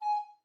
<region> pitch_keycenter=80 lokey=80 hikey=81 tune=-9 volume=12.682155 offset=287 ampeg_attack=0.005 ampeg_release=10.000000 sample=Aerophones/Edge-blown Aerophones/Baroque Soprano Recorder/Staccato/SopRecorder_Stac_G#4_rr1_Main.wav